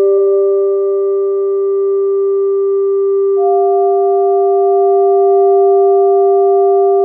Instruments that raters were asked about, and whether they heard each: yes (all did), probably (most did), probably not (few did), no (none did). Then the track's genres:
clarinet: no
bass: no
Experimental